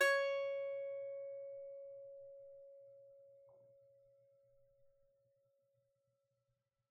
<region> pitch_keycenter=73 lokey=73 hikey=73 volume=-0.272136 lovel=66 hivel=99 ampeg_attack=0.004000 ampeg_release=15.000000 sample=Chordophones/Composite Chordophones/Strumstick/Finger/Strumstick_Finger_Str3_Main_C#4_vl2_rr1.wav